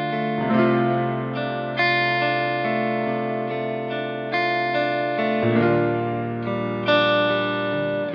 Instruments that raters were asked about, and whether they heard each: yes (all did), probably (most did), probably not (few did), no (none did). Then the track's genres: guitar: yes
piano: probably
Pop; Folk; Singer-Songwriter